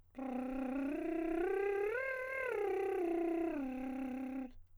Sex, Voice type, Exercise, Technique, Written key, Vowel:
male, countertenor, arpeggios, lip trill, , i